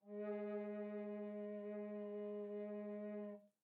<region> pitch_keycenter=56 lokey=56 hikey=57 tune=6 volume=15.854692 offset=1169 ampeg_attack=0.004000 ampeg_release=0.300000 sample=Aerophones/Edge-blown Aerophones/Baroque Bass Recorder/Sustain/BassRecorder_Sus_G#2_rr1_Main.wav